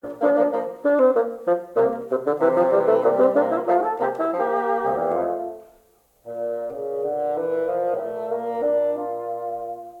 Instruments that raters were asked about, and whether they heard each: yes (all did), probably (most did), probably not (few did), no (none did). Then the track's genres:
clarinet: yes
banjo: no
accordion: no
trombone: probably
trumpet: probably not
Classical